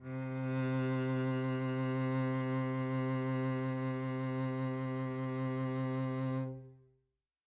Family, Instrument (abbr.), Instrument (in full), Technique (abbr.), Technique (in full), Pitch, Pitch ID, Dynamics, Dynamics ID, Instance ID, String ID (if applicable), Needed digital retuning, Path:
Strings, Vc, Cello, ord, ordinario, C3, 48, mf, 2, 3, 4, FALSE, Strings/Violoncello/ordinario/Vc-ord-C3-mf-4c-N.wav